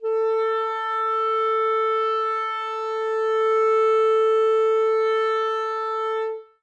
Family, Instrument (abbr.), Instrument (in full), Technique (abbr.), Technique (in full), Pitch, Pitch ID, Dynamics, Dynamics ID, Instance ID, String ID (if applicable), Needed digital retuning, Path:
Winds, ClBb, Clarinet in Bb, ord, ordinario, A4, 69, ff, 4, 0, , FALSE, Winds/Clarinet_Bb/ordinario/ClBb-ord-A4-ff-N-N.wav